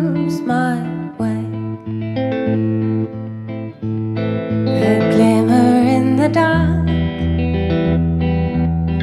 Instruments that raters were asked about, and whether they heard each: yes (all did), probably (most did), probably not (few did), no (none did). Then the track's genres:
flute: no
trombone: no
guitar: yes
Trip-Hop